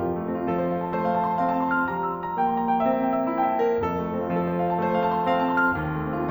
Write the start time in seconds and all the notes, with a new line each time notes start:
0.00 F2 F3
0.10 A2
0.21 C3
0.30 F3
0.39 F3 A3
0.50 C4
0.63 F4
0.73 A4
0.89 A3 C4
1.00 F4
1.11 A4
1.25 C5
1.37 C4 F4
1.52 A4
1.63 C5
1.72 F5
1.82 F3 G3 E5
1.94 A#5
2.29 G5
2.39 E5
2.51 A#3 C5
2.65 G5
2.74 E5
2.84 C5
2.95 C4 A#4
3.07 E5
3.15 C5
3.25 A#4
3.33 E4 G4
3.49 C5
3.62 A#4
3.73 G4
3.84 F2 A4
3.94 A3
4.08 C4
4.20 F4
4.34 F3 A4
4.44 C5
4.64 A5
4.74 A3 C5
4.83 F5
4.97 A5
5.09 C6
5.20 C4 F5
5.32 A5
5.41 C6
5.58 F6
5.72 D#2
5.90 A3
6.04 C4
6.14 F4